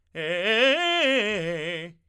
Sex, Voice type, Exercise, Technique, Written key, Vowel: male, tenor, arpeggios, fast/articulated forte, F major, e